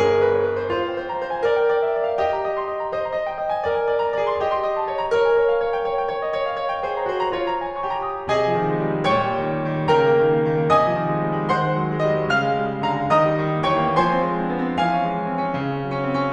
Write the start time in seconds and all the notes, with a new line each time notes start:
0.00 G#4 A#4
0.12 C#5
0.28 B4
0.42 C#5
0.52 B4
0.64 C5
0.75 F4 C5
0.89 G#5
1.01 C5
1.10 A#5
1.20 C5
1.30 G#5
1.43 A#4 D5
1.57 G5
1.71 D5
1.83 E5
1.96 D5
2.08 F5
2.19 G4 D#5
2.32 A#5
2.45 D#5
2.58 C6
2.73 D#5
2.83 A#5
2.95 C5 D#5
3.04 A#5
3.16 D#5
3.30 G5
3.41 D#5
3.54 G#5
3.63 A#4 D5
3.75 G#5
3.88 D5
3.99 A#5
4.11 G#4 D5
4.24 G#5
4.37 G4 D#5
4.47 C6
4.61 D#5
4.71 A5
4.89 C#5
4.99 A#5
5.11 A#4 C#5
5.22 G#5
5.34 C#5
5.53 F5
5.65 C#5
5.77 G5
5.92 C#5
6.01 G5
6.15 C#5
6.27 D#5
6.39 C#5
6.50 F5
6.63 C#5
6.73 G5
6.83 G#4 C5
6.95 G#5
7.06 F#4 C5
7.19 A#5
7.31 F4 C#5
7.43 A#5
7.57 G#5
7.78 C#6
7.94 G4 A#5
8.13 D#6
8.28 C3 G#4 D#5 G#5
8.46 F3
8.56 D#3
8.70 G#3
8.85 G3
8.95 G#3
9.06 A#2 C#5 G5 C#6
9.20 G3
9.35 D#3
9.47 G3
9.61 D#3
9.73 G3
9.87 C#3 A#4 G5 A#5
9.97 A#3
10.10 D#3
10.22 A#3
10.37 D#3
10.50 A#3
10.72 C3 D#5 G#5 D#6
10.89 F3
11.02 D#3
11.15 G#3
11.25 G3
11.39 G#3
11.49 D#3 C5 F#5 C6
11.67 G#3
11.78 F#3
11.90 G#3
12.05 G3 D#5
12.16 G#3
12.29 C#3 F5 F6
12.43 G#3
12.57 G3
12.69 G#3
12.86 D3 F5 A#5
12.99 G#3
13.12 D#3 D#5 A#5 D#6
13.25 G3
13.36 D#3
13.51 G3
13.66 E3 C#5 G5 C#6
13.82 A#3
13.96 F3 C5 G#5 C6
14.07 C4
14.25 G#3
14.36 C4
14.48 B3
14.64 C4
14.76 F3 F5 G#5
14.91 C#4
15.01 G#3
15.17 C#4
15.27 C4
15.39 C#4
15.52 C#3
15.67 C#4
15.79 G#3
15.91 C#4
16.03 C4
16.22 C#4